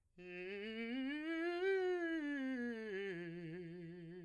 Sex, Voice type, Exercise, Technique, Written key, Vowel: male, , scales, fast/articulated piano, F major, i